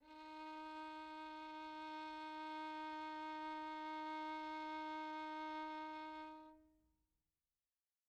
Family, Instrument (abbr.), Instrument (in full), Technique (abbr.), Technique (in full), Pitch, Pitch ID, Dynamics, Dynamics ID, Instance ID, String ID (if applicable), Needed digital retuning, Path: Strings, Vn, Violin, ord, ordinario, D#4, 63, pp, 0, 2, 3, FALSE, Strings/Violin/ordinario/Vn-ord-D#4-pp-3c-N.wav